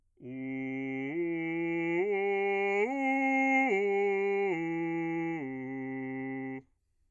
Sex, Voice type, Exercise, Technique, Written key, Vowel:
male, bass, arpeggios, straight tone, , u